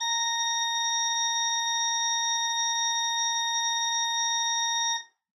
<region> pitch_keycenter=82 lokey=82 hikey=83 tune=-5 volume=5.259417 ampeg_attack=0.004000 ampeg_release=0.300000 amp_veltrack=0 sample=Aerophones/Edge-blown Aerophones/Renaissance Organ/Full/RenOrgan_Full_Room_A#4_rr1.wav